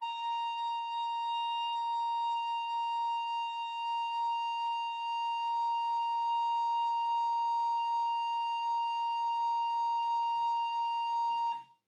<region> pitch_keycenter=82 lokey=82 hikey=83 volume=17.193745 offset=354 ampeg_attack=0.004000 ampeg_release=0.300000 sample=Aerophones/Edge-blown Aerophones/Baroque Alto Recorder/Sustain/AltRecorder_Sus_A#4_rr1_Main.wav